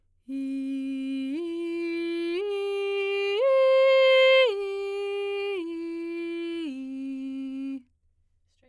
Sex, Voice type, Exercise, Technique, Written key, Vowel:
female, soprano, arpeggios, straight tone, , i